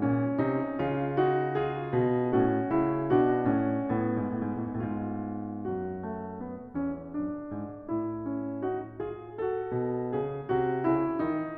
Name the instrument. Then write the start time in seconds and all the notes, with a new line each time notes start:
piano
0.00 C#4
0.37 C3 D#4
0.75 C#3 F4
1.24 D#4 F#4
1.63 F4 G#4
1.94 B2
2.32 A2 C#4 F#4
2.72 C#3 E4
3.10 B2
3.16 D4 F#4
3.51 A2 C#4
3.97 A2 B3
4.18 G#2
4.32 A2
4.48 G#2
4.57 A2
4.64 G#2
4.73 A2
4.85 G#2
4.91 F4
5.71 F#2 F#4
6.01 A3
6.44 B3
6.78 E2 C#4
7.13 F#2 D4
7.51 G#2
7.91 A2 E4
8.29 C#4
8.60 D#4 F#4
9.02 F4 G#4
9.38 F#4 A4
9.71 B2
10.15 C#3 G#4
10.45 C3 F#4
10.92 C#3 E4
11.22 D#3 D#4